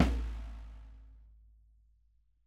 <region> pitch_keycenter=64 lokey=64 hikey=64 volume=8.583144 lovel=100 hivel=127 seq_position=1 seq_length=2 ampeg_attack=0.004000 ampeg_release=30.000000 sample=Membranophones/Struck Membranophones/Snare Drum, Rope Tension/Low/RopeSnare_low_sn_Main_vl3_rr3.wav